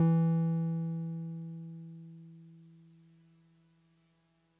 <region> pitch_keycenter=52 lokey=51 hikey=54 volume=11.911789 lovel=66 hivel=99 ampeg_attack=0.004000 ampeg_release=0.100000 sample=Electrophones/TX81Z/Piano 1/Piano 1_E2_vl2.wav